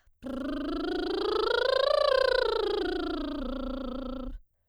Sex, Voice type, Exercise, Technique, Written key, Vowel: female, soprano, scales, lip trill, , a